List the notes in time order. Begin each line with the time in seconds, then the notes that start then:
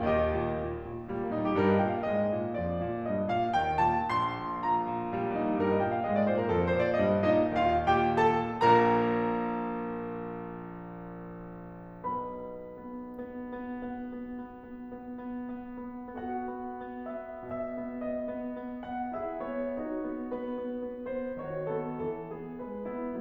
0.00 D#2 D#3 G4 D#5
0.26 A#2
0.53 A#2
0.78 A#2
1.07 A#2 G3
1.21 A#3
1.34 A#2 D#4
1.53 G4
1.66 G2 G3 A#4
1.75 D#5
1.87 A#2 G5
1.97 F5
2.11 G#2 G#3 D#5
2.37 A#2
2.61 F2 F3 D5
2.82 A#2
3.07 G2 G3 D#5
3.27 A#2 F5
3.55 D#2 D#3 G5
3.84 A#2 A5
4.11 A#1 C6
4.45 A#2
4.67 A#2 A#5
4.89 A#2
5.13 A#2 G3
5.26 A#3
5.35 A#2 D#4
5.45 G4
5.56 G2 G3 A#4
5.69 D#5
5.83 A#2 G5
5.96 F5
6.06 G#2 G#3 D#5
6.16 D5
6.29 A#2 C5
6.41 A#4
6.51 F2 F3 A4
6.62 A#4
6.77 A#2 C5
6.87 D5
7.02 G2 G3 D#5
7.35 A#2 F4 F5
7.91 D#2 D#3 G4 G5
8.20 A#2 A4 A5
8.59 A#1 A#2 A#4 A#5
12.05 B1 B2 B4 B5
12.74 B3
12.98 B3
13.27 B3
13.60 B3
14.04 B3
14.40 B3
14.65 B3
14.92 B3
15.17 B3
15.43 B3
15.77 B3
16.25 B3 F#4 A4 F#5
16.54 B3
16.85 B3
17.09 B3 E5
17.46 B2 E5
17.74 B3
18.00 B3 D#5
18.30 B3
18.54 B3
18.84 B3 F#5
19.17 E4 G#4 E5
19.46 B3 C#5
19.84 D#4 F#4 C#5
20.07 B3
20.34 B3 B4
20.62 B3
20.84 B3
21.07 B3 C5
21.40 D#3 F#4 C#5
21.72 B3 A4
22.07 E3 A4
22.40 B3 G#4
22.59 G#3 B4
22.86 B3 E4